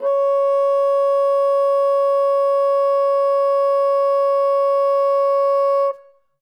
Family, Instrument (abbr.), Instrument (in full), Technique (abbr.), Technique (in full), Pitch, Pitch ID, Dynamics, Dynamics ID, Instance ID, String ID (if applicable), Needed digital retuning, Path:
Winds, Bn, Bassoon, ord, ordinario, C#5, 73, ff, 4, 0, , FALSE, Winds/Bassoon/ordinario/Bn-ord-C#5-ff-N-N.wav